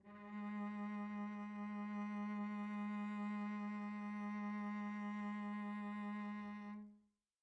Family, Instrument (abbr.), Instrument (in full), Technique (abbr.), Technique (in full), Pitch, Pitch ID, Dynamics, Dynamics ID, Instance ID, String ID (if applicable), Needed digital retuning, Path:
Strings, Vc, Cello, ord, ordinario, G#3, 56, pp, 0, 1, 2, FALSE, Strings/Violoncello/ordinario/Vc-ord-G#3-pp-2c-N.wav